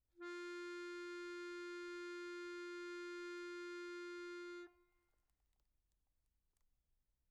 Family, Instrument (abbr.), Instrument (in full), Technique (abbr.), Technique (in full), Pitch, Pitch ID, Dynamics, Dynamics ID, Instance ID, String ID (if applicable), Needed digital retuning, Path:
Keyboards, Acc, Accordion, ord, ordinario, F4, 65, pp, 0, 1, , FALSE, Keyboards/Accordion/ordinario/Acc-ord-F4-pp-alt1-N.wav